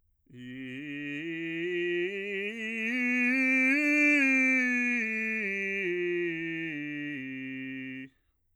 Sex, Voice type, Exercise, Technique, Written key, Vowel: male, bass, scales, straight tone, , i